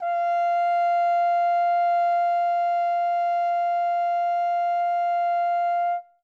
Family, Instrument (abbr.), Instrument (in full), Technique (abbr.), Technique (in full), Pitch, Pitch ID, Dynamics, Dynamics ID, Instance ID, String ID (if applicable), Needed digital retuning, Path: Brass, Hn, French Horn, ord, ordinario, F5, 77, ff, 4, 0, , FALSE, Brass/Horn/ordinario/Hn-ord-F5-ff-N-N.wav